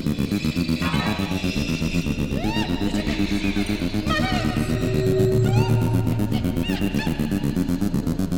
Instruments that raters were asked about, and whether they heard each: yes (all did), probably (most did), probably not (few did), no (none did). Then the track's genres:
synthesizer: yes
Electroacoustic; Ambient Electronic; Sound Collage